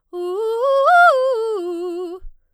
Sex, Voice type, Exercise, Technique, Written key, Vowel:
female, soprano, arpeggios, fast/articulated piano, F major, u